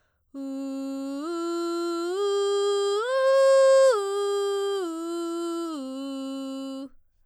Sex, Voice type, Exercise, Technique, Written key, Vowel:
female, soprano, arpeggios, belt, , u